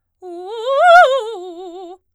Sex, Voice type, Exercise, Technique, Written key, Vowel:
female, soprano, arpeggios, fast/articulated forte, F major, u